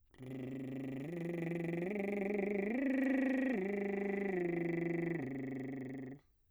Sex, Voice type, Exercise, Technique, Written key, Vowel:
male, bass, arpeggios, lip trill, , u